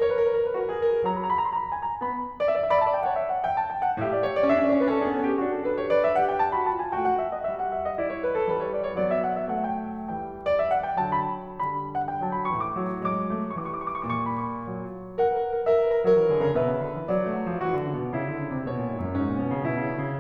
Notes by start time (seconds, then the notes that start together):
0.00 A#4 C#5
0.06 B4
0.10 A#4
0.16 B4
0.21 A#4
0.31 B4
0.42 A#4
0.46 B4
0.58 F#4 A#4
0.64 B4
0.70 A#4
0.79 B4
0.85 A#4
0.91 B4
0.95 G#4
1.02 A#4
1.09 F#3 A#5
1.14 B5
1.20 A#5
1.27 B5
1.32 A#5
1.39 B5
1.45 A#5
1.51 B5
1.56 A#5
1.60 B5
1.66 A#5
1.71 B5
1.76 A#5
1.81 B5
1.86 G#5
1.93 A#5
1.99 B3 B5
2.41 D5
2.50 E5
2.60 D5
2.66 E5
2.74 D5 B5
2.81 E5
2.86 D5 A5
2.91 D5 E5 G5
3.01 E5
3.08 D5 F#5
3.12 E5
3.18 D5 E5
3.23 E5
3.31 C#5 F#5
3.39 D5
3.44 E5 G5
3.56 A5
3.72 G5
3.82 F#5
3.99 A2 G4 E5
4.10 D5
4.20 C#5
4.33 D5
4.45 C#4 E5
4.54 D4
4.60 C#4 D5
4.66 D4
4.70 C#4 C#5
4.76 D4
4.82 C#4 B4
4.86 D4
4.97 C#4 A4
5.03 D4
5.07 C#4 G#4
5.13 D4
5.18 C#4 A4
5.24 D4
5.29 B3 G4
5.35 C#4
5.41 D4 F#4
5.54 A4
5.64 A4 B4
5.78 C#5
5.90 B4 D5
6.01 E5
6.16 G4 F#5
6.32 G5
6.42 F#4 A5
6.52 B5
6.66 F4 A5
6.78 G#5
6.92 A3 F#4 G5
7.02 F#5
7.15 E5
7.28 D#5
7.42 E5
7.58 F#5
7.70 E5
7.83 D5
7.99 E4 D5
8.07 C#5
8.24 B4
8.35 A4
8.53 E3 G3 B4
8.64 C#5
8.75 D5
8.86 C#5
8.99 F#3 B3 D5
9.11 E5
9.24 F#5
9.35 E5
9.50 A3 F#5
9.62 G5
10.09 E3 G3 G5
10.50 D5
10.61 E5
10.73 F#5
10.86 G5
11.05 D3 F#3 A5
11.17 B5
11.59 D3 G3 B5
11.98 F#5
12.09 G5
12.21 F#3 A5
12.34 B5
12.52 A2 E3 C#6
12.64 D6
12.76 F#3
13.06 F#3 G#3 D6
13.34 A3
13.65 E3 G3 C#6
13.70 D6
13.77 C#6
13.82 D6
13.90 C#6
13.96 D6
14.02 C#6
14.08 D6
14.13 A2 C#6
14.20 D6
14.30 C#6
14.35 D6
14.42 C#6
14.49 D6
14.54 B5
14.61 C#6
14.69 F#3 A#4
15.17 A#4 F#5
15.23 B4
15.33 A#4
15.37 B4
15.48 A#4 B4
15.56 A#4
15.62 B4
15.66 A#4 E5
15.72 B4
15.78 A#4
15.84 B4
15.89 A#4
15.94 B4
16.00 A#4
16.04 B4
16.09 F#3 A#4 C#5
16.15 B4
16.21 E3 A#4
16.27 B4
16.34 D3 A#4
16.38 B4
16.44 C#3 G#4
16.49 A4
16.57 B2 B4 E5
16.73 C#3
16.87 D3
16.97 E3
17.12 F#3 D5
17.24 G3
17.37 F#3
17.47 F3
17.61 E3 F#4
17.74 D3
17.86 C#3
18.02 B2
18.20 C#3 E4
18.34 D3
18.46 C#3
18.56 C3
18.68 B2 C#5
18.80 A#2
18.90 G#2
19.05 F#2
19.17 G#2 C#4
19.28 A#2
19.44 B2
19.55 A#2
19.67 B2 E4
19.83 C#3
19.95 D3
20.05 C#3